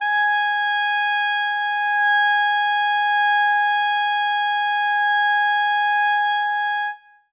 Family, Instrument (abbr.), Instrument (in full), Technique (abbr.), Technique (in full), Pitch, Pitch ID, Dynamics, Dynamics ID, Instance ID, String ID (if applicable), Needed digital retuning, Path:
Winds, ClBb, Clarinet in Bb, ord, ordinario, G#5, 80, ff, 4, 0, , FALSE, Winds/Clarinet_Bb/ordinario/ClBb-ord-G#5-ff-N-N.wav